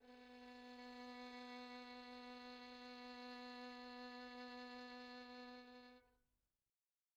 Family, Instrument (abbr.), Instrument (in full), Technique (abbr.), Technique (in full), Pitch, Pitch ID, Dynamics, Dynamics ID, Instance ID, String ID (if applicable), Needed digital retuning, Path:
Strings, Vn, Violin, ord, ordinario, B3, 59, pp, 0, 3, 4, TRUE, Strings/Violin/ordinario/Vn-ord-B3-pp-4c-T10u.wav